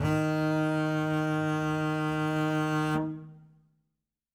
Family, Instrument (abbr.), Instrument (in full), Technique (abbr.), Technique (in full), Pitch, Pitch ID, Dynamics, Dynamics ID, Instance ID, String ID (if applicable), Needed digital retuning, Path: Strings, Cb, Contrabass, ord, ordinario, D#3, 51, ff, 4, 1, 2, FALSE, Strings/Contrabass/ordinario/Cb-ord-D#3-ff-2c-N.wav